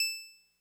<region> pitch_keycenter=88 lokey=87 hikey=90 volume=6.471975 lovel=100 hivel=127 ampeg_attack=0.004000 ampeg_release=0.100000 sample=Electrophones/TX81Z/Clavisynth/Clavisynth_E5_vl3.wav